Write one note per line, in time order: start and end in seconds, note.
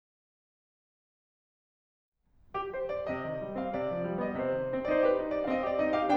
2.53 2.72 G4
2.72 2.92 C5
2.92 3.11 D5
3.11 3.26 C3
3.11 3.60 D#5
3.26 3.44 D#3
3.44 3.60 G3
3.60 3.77 C4
3.60 3.77 F5
3.77 3.91 C3
3.77 4.19 D5
3.91 4.05 F3
4.06 4.19 G3
4.20 4.33 B3
4.20 4.33 D#5
4.34 4.49 C3
4.34 4.90 C5
4.50 4.59 D#3
4.59 4.72 G3
4.72 4.90 C4
4.90 5.04 D#4
4.90 5.04 C5
4.90 4.92 D5
5.04 5.20 G4
5.04 5.20 B4
5.20 5.33 D#4
5.20 5.33 C5
5.33 5.47 D4
5.33 5.47 D5
5.47 5.68 C4
5.47 5.68 D#5
5.47 5.50 F5
5.68 5.84 G4
5.68 5.84 D5
5.84 6.00 C4
5.84 6.00 D#4
5.84 6.00 D#5
6.01 6.15 G4
6.01 6.15 F5